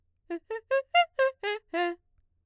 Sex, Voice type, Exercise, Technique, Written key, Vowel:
female, mezzo-soprano, arpeggios, fast/articulated piano, F major, e